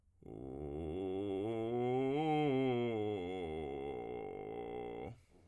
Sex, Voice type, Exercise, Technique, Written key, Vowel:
male, tenor, scales, vocal fry, , u